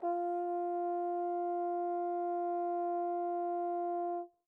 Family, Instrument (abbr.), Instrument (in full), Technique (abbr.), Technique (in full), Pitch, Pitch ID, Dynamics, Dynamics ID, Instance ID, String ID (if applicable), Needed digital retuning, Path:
Brass, Tbn, Trombone, ord, ordinario, F4, 65, pp, 0, 0, , FALSE, Brass/Trombone/ordinario/Tbn-ord-F4-pp-N-N.wav